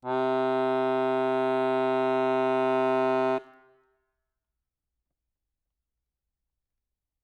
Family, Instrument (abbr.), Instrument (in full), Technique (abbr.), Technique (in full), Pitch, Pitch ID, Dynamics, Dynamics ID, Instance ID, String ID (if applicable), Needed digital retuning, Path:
Keyboards, Acc, Accordion, ord, ordinario, C3, 48, ff, 4, 1, , FALSE, Keyboards/Accordion/ordinario/Acc-ord-C3-ff-alt1-N.wav